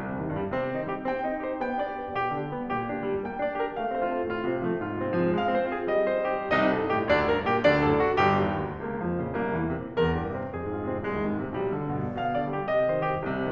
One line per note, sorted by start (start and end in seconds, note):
0.00 0.19 C2
0.00 0.36 C3
0.20 0.36 G2
0.20 0.55 D#3
0.36 0.55 A#2
0.36 0.73 G3
0.55 0.73 C3
0.55 0.86 C4
0.73 0.86 D#3
0.73 1.04 D#4
0.87 1.04 G3
0.87 1.24 G4
1.04 1.24 C4
1.04 1.42 G5
1.24 1.42 D#4
1.24 1.61 D#5
1.42 1.61 G4
1.42 1.76 C5
1.61 1.76 B3
1.61 1.92 G5
1.76 1.92 D4
1.76 2.08 D5
1.92 2.08 G4
1.92 2.30 B4
2.08 2.30 B2
2.08 2.50 G4
2.30 2.50 D3
2.30 2.76 D4
2.53 2.76 G3
2.53 2.95 B3
2.76 2.95 A#2
2.76 3.11 G4
2.95 3.11 D3
2.95 3.25 D4
3.11 3.25 G3
3.11 3.41 A#3
3.26 3.41 A#3
3.26 3.59 G5
3.41 3.59 D4
3.41 3.72 D5
3.59 3.72 G4
3.59 3.90 A#4
3.72 3.90 A3
3.72 4.05 F5
3.90 4.05 C4
3.90 4.30 C5
4.06 4.30 F4
4.06 4.47 A4
4.30 4.47 A2
4.30 4.67 F4
4.47 4.67 C3
4.47 4.83 C4
4.67 4.83 F3
4.67 4.99 A3
4.84 4.99 G#2
4.84 5.20 F4
4.99 5.20 C3
4.99 5.41 C4
5.20 5.41 F3
5.20 5.55 G#3
5.41 5.55 G#3
5.41 5.76 F5
5.55 5.76 C4
5.55 5.93 C5
5.76 5.93 F4
5.76 6.14 G#4
5.93 6.14 G3
5.93 6.34 D#5
6.14 6.34 C4
6.14 6.52 C5
6.34 6.52 D#4
6.34 6.73 G4
6.54 6.91 C2
6.54 6.91 C3
6.54 6.91 D#4
6.54 6.91 D#5
6.73 7.07 G2
6.73 7.07 G#4
6.91 7.24 A2
6.91 7.24 G4
7.07 7.45 D2
7.07 7.45 D3
7.07 7.45 D4
7.07 7.45 D5
7.26 7.65 G2
7.26 7.65 A#4
7.45 7.83 A#2
7.45 7.83 G4
7.65 8.03 D2
7.65 8.03 D3
7.65 8.03 D4
7.65 8.03 D5
7.83 8.20 F#2
7.83 8.20 A4
8.03 8.38 A2
8.03 8.38 F#4
8.21 8.38 G1
8.21 8.38 G2
8.21 8.56 G4
8.38 8.56 F2
8.56 8.79 E2
8.79 8.99 C#2
8.79 9.18 A#3
9.00 9.18 F2
9.00 9.37 F3
9.18 9.37 A#2
9.18 9.58 C#3
9.37 9.58 C2
9.37 9.78 A#3
9.58 9.78 E2
9.58 9.96 E3
9.78 9.96 A#2
9.78 10.15 C3
9.97 10.15 E2
9.97 10.34 A#4
10.15 10.34 G2
10.15 10.52 G4
10.34 10.52 C3
10.34 10.68 C4
10.52 10.68 F2
10.52 10.87 G#4
10.69 10.87 G#2
10.69 11.04 F4
10.87 11.04 C3
10.87 11.24 C4
11.04 11.24 C2
11.04 11.41 G#3
11.24 11.41 D#2
11.24 11.56 D#3
11.41 11.56 G#2
11.41 11.74 C3
11.56 11.74 B1
11.56 11.95 G3
11.74 11.95 D2
11.74 12.11 D3
11.95 12.11 G2
11.95 12.31 A#2
12.11 12.31 B2
12.11 12.52 F5
12.32 12.52 D3
12.32 12.71 D5
12.52 12.71 G3
12.52 12.90 G4
12.71 12.90 C3
12.71 13.11 D#5
12.90 13.11 D#3
12.90 13.33 C5
13.12 13.33 G3
13.12 13.51 G4
13.33 13.51 C2
13.33 13.51 C3